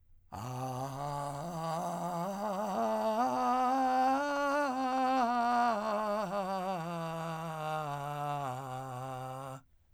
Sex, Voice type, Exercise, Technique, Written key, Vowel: male, , scales, vocal fry, , a